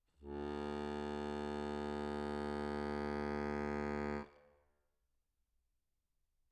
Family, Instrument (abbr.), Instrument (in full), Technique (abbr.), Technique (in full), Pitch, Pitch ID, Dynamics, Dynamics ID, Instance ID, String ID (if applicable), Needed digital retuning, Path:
Keyboards, Acc, Accordion, ord, ordinario, D2, 38, mf, 2, 0, , FALSE, Keyboards/Accordion/ordinario/Acc-ord-D2-mf-N-N.wav